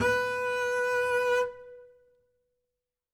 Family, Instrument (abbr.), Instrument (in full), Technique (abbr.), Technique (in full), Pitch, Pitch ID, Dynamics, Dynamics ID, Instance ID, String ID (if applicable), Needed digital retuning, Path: Strings, Cb, Contrabass, ord, ordinario, B4, 71, ff, 4, 0, 1, TRUE, Strings/Contrabass/ordinario/Cb-ord-B4-ff-1c-T15d.wav